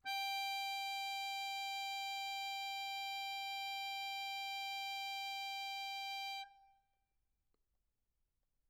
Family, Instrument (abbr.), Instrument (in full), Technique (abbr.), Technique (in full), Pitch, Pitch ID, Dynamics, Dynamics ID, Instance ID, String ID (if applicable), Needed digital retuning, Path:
Keyboards, Acc, Accordion, ord, ordinario, G5, 79, mf, 2, 4, , FALSE, Keyboards/Accordion/ordinario/Acc-ord-G5-mf-alt4-N.wav